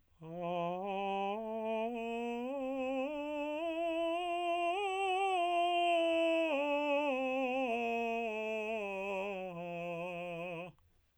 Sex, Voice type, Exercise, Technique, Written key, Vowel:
male, tenor, scales, slow/legato piano, F major, a